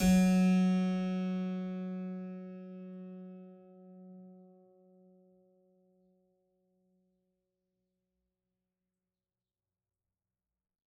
<region> pitch_keycenter=54 lokey=54 hikey=55 volume=-1.625484 trigger=attack ampeg_attack=0.004000 ampeg_release=0.400000 amp_veltrack=0 sample=Chordophones/Zithers/Harpsichord, French/Sustains/Harpsi2_Normal_F#2_rr1_Main.wav